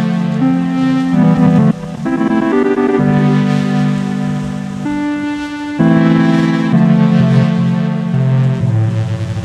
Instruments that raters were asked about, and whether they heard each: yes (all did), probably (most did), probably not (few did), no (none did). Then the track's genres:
saxophone: no
Electronic; House; Trip-Hop; Downtempo